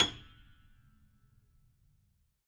<region> pitch_keycenter=104 lokey=104 hikey=108 volume=7.838073 lovel=100 hivel=127 locc64=0 hicc64=64 ampeg_attack=0.004000 ampeg_release=10.000000 sample=Chordophones/Zithers/Grand Piano, Steinway B/NoSus/Piano_NoSus_Close_G#7_vl4_rr1.wav